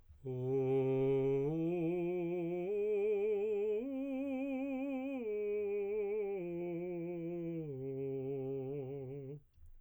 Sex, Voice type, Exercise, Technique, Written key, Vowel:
male, tenor, arpeggios, slow/legato piano, C major, o